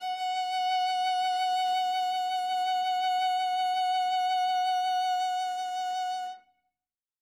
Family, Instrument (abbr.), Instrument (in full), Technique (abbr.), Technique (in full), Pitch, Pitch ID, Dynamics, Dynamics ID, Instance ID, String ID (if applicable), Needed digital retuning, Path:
Strings, Va, Viola, ord, ordinario, F#5, 78, ff, 4, 0, 1, FALSE, Strings/Viola/ordinario/Va-ord-F#5-ff-1c-N.wav